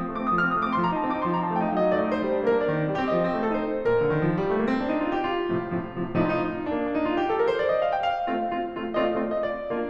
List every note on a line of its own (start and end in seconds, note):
0.00 0.10 A3
0.00 0.10 D6
0.10 0.21 C4
0.10 0.21 D#6
0.22 0.33 D3
0.22 0.33 F6
0.33 0.48 C4
0.33 0.48 D#6
0.48 0.65 A3
0.48 0.65 D6
0.65 0.79 C4
0.65 0.79 C6
0.80 0.91 F3
0.80 0.91 A#5
0.93 1.03 D#4
0.93 1.03 A5
1.03 1.16 C4
1.03 1.16 D6
1.16 1.27 D#4
1.16 1.27 C6
1.28 1.39 F3
1.28 1.39 A#5
1.40 1.53 D#4
1.40 1.53 A5
1.53 1.66 A3
1.53 1.66 G5
1.66 1.75 D#4
1.66 1.75 F5
1.75 1.86 F#3
1.75 1.86 D#5
1.89 1.99 D#4
1.89 1.99 D5
2.00 2.14 A3
2.00 2.14 D#5
2.14 2.23 D#4
2.14 2.36 C5
2.23 2.36 G3
2.38 2.50 D4
2.38 2.50 A#4
2.53 2.74 A#3
2.53 2.94 D5
2.74 2.84 D4
2.84 2.94 D#3
2.94 3.08 C4
2.94 3.08 G4
3.09 3.19 G3
3.09 3.49 D#5
3.19 3.37 C4
3.37 3.49 F3
3.49 3.60 C4
3.49 3.60 A4
3.61 3.73 A3
3.61 3.84 C5
3.74 3.84 D#4
3.84 3.94 A#2
3.84 4.10 A#4
3.94 4.10 D3
4.11 4.23 D#3
4.25 4.38 F3
4.38 4.47 G3
4.47 4.57 A3
4.57 4.67 A#3
4.68 4.79 C4
4.79 4.91 D4
4.91 5.02 D#4
5.02 5.14 F4
5.15 5.25 G4
5.26 6.18 F4
5.51 5.76 A2
5.51 5.76 C3
5.51 5.76 F3
5.77 5.97 A2
5.77 5.97 C3
5.77 5.97 F3
5.97 6.18 A2
5.97 6.18 C3
5.97 6.18 F3
6.19 6.40 A2
6.19 6.40 C3
6.19 6.40 F3
6.19 6.28 D#4
6.25 6.33 F4
6.30 6.39 D#4
6.30 6.43 F4
6.40 6.61 A2
6.40 6.61 C3
6.40 6.61 F3
6.40 6.49 D#4
6.46 6.54 F4
6.50 6.59 D4
6.55 6.61 D#4
6.62 6.72 A#3
6.62 6.72 D4
6.73 6.88 D4
6.88 7.02 D#4
7.02 7.17 F4
7.17 7.28 G4
7.29 7.38 A4
7.38 7.52 A#4
7.52 7.60 C5
7.60 7.71 D5
7.72 7.84 D#5
7.85 7.93 F5
7.93 8.05 G5
8.05 8.93 F5
8.29 8.51 A3
8.29 8.51 C4
8.29 8.51 F4
8.51 8.71 A3
8.51 8.71 C4
8.51 8.71 F4
8.72 8.93 A3
8.72 8.93 C4
8.72 8.93 F4
8.93 9.18 A3
8.93 9.18 C4
8.93 9.18 F4
8.93 9.04 D#5
9.01 9.11 F5
9.07 9.17 D#5
9.14 9.22 F5
9.20 9.44 A3
9.20 9.44 C4
9.20 9.44 F4
9.20 9.30 D#5
9.24 9.35 F5
9.31 9.42 D5
9.36 9.44 D#5
9.44 9.89 D5
9.67 9.89 A#3
9.67 9.89 D4